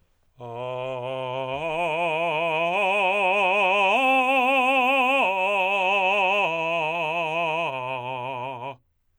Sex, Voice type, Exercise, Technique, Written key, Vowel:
male, tenor, arpeggios, vibrato, , a